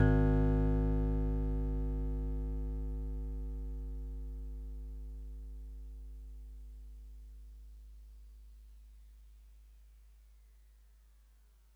<region> pitch_keycenter=44 lokey=43 hikey=46 tune=-1 volume=11.302980 lovel=66 hivel=99 ampeg_attack=0.004000 ampeg_release=0.100000 sample=Electrophones/TX81Z/FM Piano/FMPiano_G#1_vl2.wav